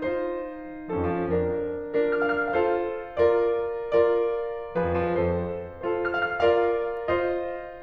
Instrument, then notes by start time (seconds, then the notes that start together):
piano
0.01 D#4 F4 C5
0.93 F3 C#4 A4
1.09 F2
1.29 F3
1.38 F2 D4 A#4
2.02 D4 F4 A#4
2.33 F6
2.43 F5
2.52 F6
2.62 F4 A4 C5 F5
3.24 F4 A#4 D5
3.95 F4 A#4 D5
4.74 F3 G#4 B4
4.84 F2
4.98 F3
5.07 F2 A4 C5
5.72 F4 A4 C5
6.03 F6
6.19 F5
6.28 F6
6.40 F4 A#4 D5 F5
7.07 F4 C5 D#5